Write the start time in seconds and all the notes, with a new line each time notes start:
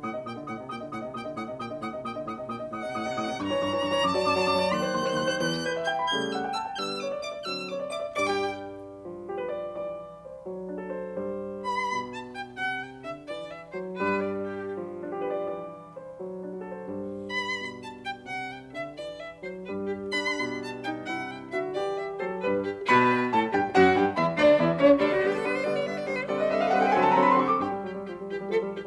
0.00 A2 F#5 D#6
0.15 C3 D#5
0.27 A#2 G5 D#6
0.36 D3 D#5
0.45 A2 F#5 D#6
0.63 C3 D#5
0.72 A#2 G5 D#6
0.82 D3 D#5
0.92 A2 F#5 D#6
1.01 C3 D#5
1.15 A#2 G5 D#6
1.27 D3 D#5
1.39 A2 F#5 D#6
1.50 C3 D#5
1.59 A#2 G5 D#6
1.70 D3 D#5
1.79 A2 F#5 D#6
1.95 C3 D#5
2.05 A#2 G5 D#6
2.16 D3 D#5
2.28 A2 F#5 D#6
2.37 C3 D#5
2.46 A#2 G5 D#6
2.59 D3 D#5
2.72 A2 F#5 D#6
2.84 C3 D#5
2.95 A2 D#6
3.04 C3 D#5
3.16 A2 D#6
3.26 C3 D#5
3.39 G2 A#5 C#6
3.49 E3 C#5
3.59 G2 C#6
3.73 E3 C#5
3.83 G2 C#6
3.94 E3 C#5
4.04 F#2 A5 D6
4.14 F#3 D5
4.25 F#2 D6
4.35 F#3 D5
4.47 F#2 D6
4.57 F#3 D5
4.68 D#2 C6 F#6
4.81 D#3 C5
4.90 D#2 C6
5.05 D#3 C5
5.17 D#2 C6
5.31 D#3 C5
5.41 E2 E3 F#6
5.67 B4 G6
5.77 E5
5.86 G5 G6
6.05 B5
6.14 C#3 G3 A3 G6
6.35 F#5 E6
6.46 G5
6.55 A5 E6
6.66 G5
6.75 F#6
6.80 D3 G3 B3 E6
7.02 C#5 D6
7.14 D5
7.23 E5 D6
7.35 D5
7.43 F#6
7.48 D3 F#3 C4 E6
7.69 C#5 D6
7.78 D5
7.89 E5 D6
8.02 D5
8.21 G2 G3 D5 D6
8.32 G4 G5
9.08 F#3
9.28 G4
9.39 B4
9.50 D5
9.82 E3 D5
10.25 C5
10.50 F#3
10.69 D4
10.81 A4
10.90 C5
11.15 G2 G3 C5
11.63 B4 B5
11.83 B2
12.03 A5
12.24 G5
12.53 C3 F#5
12.81 G5
13.01 D3 E5
13.28 E3 D5
13.48 E5
13.76 F#3 C5
14.02 G2 G3 B4
14.26 D5
14.48 G4
14.73 F3
14.95 D4
15.10 G4
15.21 B4
15.31 D5
15.52 E3 D5
15.98 C5
16.21 F#3
16.43 D4
16.54 F#4
16.64 A4
16.76 C5
16.88 G2 G3 C5
17.29 B4 B5
17.58 B2
17.79 A5
17.98 G5
18.18 C3 F#5
18.46 G5
18.66 D3 E5
18.97 E3 D5
19.19 E5
19.41 F#3 C5
19.68 G2 G3 B4
19.93 G4
20.14 D4 B5
20.34 B2
20.54 A5
20.74 D#4 G5
21.00 C3 E4 F#5
21.28 G5
21.55 D3 F#4 E5
21.76 E3 G4 D5
21.99 E5
22.22 F#3 A4 C5
22.49 G3 B4
22.71 G4
22.92 B2 B4 B5
23.34 A2 A4 A5
23.55 G2 G4 G5
23.77 F#2 F#4 F#5
23.96 G2 G4 G5
24.17 E2 E4 E5
24.37 D2 D4 D5
24.57 E2 E4 E5
24.78 C#2 C#4 C#5
24.97 D2 D4 D5
25.09 F#4
25.19 D3 G3 B3 G4
25.30 A4
25.39 D3 G3 B3 B4
25.48 C5
25.58 D3 G3 B3 D5
25.70 C#5
25.82 D3 G3 B3 E5
25.93 D5
26.04 D3 G3 B3 C5
26.15 B4
26.27 D3 G3 C4 A4 D5
26.38 B4 D#5
26.45 A4
26.53 D3 G3 C4 B4 E5
26.61 A4
26.67 B4 F5
26.77 D3 G3 C4 A4 F#5
26.83 B4 G5
26.90 A4
26.97 D3 F#3 C4 B4 G#5
27.03 A4 A5
27.09 B4
27.16 D3 F#3 C4 A4 A#5
27.24 B4 B5
27.31 A4
27.39 D3 F#3 C4 G4 C6
27.49 A4 C#6
27.57 D6
27.64 G2 G4 G5
27.72 G3
27.84 F#3 G4
27.93 G3
28.04 F3 G4
28.13 G3
28.22 E3 G4
28.33 G3
28.42 F3 A4
28.53 G3
28.68 E3 G4
28.77 G3